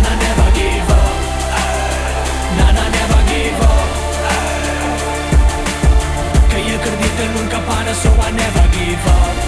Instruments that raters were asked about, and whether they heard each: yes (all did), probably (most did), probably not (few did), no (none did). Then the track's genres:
voice: yes
Hip-Hop; Alternative Hip-Hop